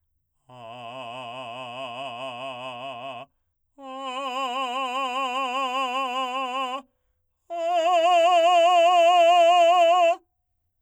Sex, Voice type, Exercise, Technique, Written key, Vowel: male, , long tones, full voice forte, , a